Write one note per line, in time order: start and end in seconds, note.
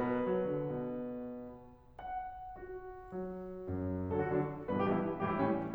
0.00 0.21 B2
0.00 1.78 B4
0.21 0.31 B3
0.31 0.51 F#3
0.51 0.73 D3
0.77 1.78 B2
1.78 3.13 F#5
2.54 3.13 F#4
3.13 4.12 F#3
3.69 4.12 F#2
4.12 4.33 D3
4.12 4.33 F#3
4.12 4.21 A4
4.21 4.33 F#4
4.33 4.49 D3
4.33 4.49 F#3
4.33 4.49 D4
4.70 4.90 G2
4.70 4.90 B2
4.70 4.90 E3
4.70 4.81 B4
4.81 4.90 G4
4.90 5.05 G2
4.90 5.05 B2
4.90 5.05 E3
4.90 5.05 E4
5.24 5.38 A2
5.24 5.38 E3
5.24 5.38 G3
5.24 5.32 G4
5.32 5.38 E4
5.38 5.58 A2
5.38 5.58 E3
5.38 5.58 G3
5.38 5.58 C#4